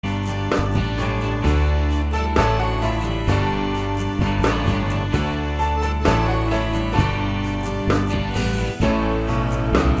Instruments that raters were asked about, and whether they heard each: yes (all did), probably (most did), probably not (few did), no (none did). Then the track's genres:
banjo: no
Rock; Folk; Celtic